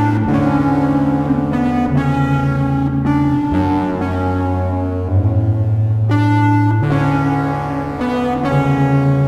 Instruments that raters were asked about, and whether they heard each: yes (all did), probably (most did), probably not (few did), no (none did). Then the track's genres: cello: probably not
Ambient; Minimalism; Instrumental